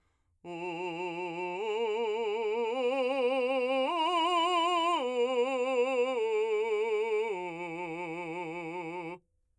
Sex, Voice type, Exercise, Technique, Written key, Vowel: male, , arpeggios, slow/legato forte, F major, u